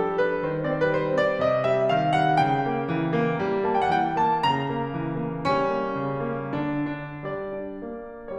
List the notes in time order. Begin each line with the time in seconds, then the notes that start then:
0.01 G3 A4
0.23 D4 B4
0.45 D#3 C5
0.71 C4 D5
0.80 C5
0.90 B4
0.97 G3 C5
1.22 C4 D5
1.43 C3 D#5
1.68 G3 E5
1.93 D#3 F5
2.17 G3 F#5
2.40 C#3 G5
2.65 A#3
2.89 E3
3.15 A#3
3.43 G3
3.69 A#3 A5
3.76 G5
3.81 F#5
3.92 E3 G5
4.21 A#3 A5
4.44 C#3 A#5
4.71 A#3
4.92 E3
5.13 A#3
5.43 G3 C#4
5.73 A#3
6.00 C#3
6.26 A#3
6.50 D3 D4
6.72 D4
7.02 G3 D5
7.35 D4
7.87 A#3
8.14 D4